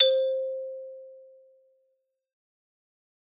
<region> pitch_keycenter=60 lokey=58 hikey=63 volume=1.863334 lovel=84 hivel=127 ampeg_attack=0.004000 ampeg_release=15.000000 sample=Idiophones/Struck Idiophones/Xylophone/Medium Mallets/Xylo_Medium_C4_ff_01_far.wav